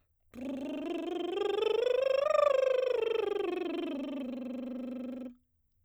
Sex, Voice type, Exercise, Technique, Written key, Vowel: female, soprano, scales, lip trill, , o